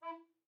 <region> pitch_keycenter=64 lokey=64 hikey=65 tune=-10 volume=11.890295 offset=709 ampeg_attack=0.004000 ampeg_release=10.000000 sample=Aerophones/Edge-blown Aerophones/Baroque Tenor Recorder/Staccato/TenRecorder_Stac_E3_rr1_Main.wav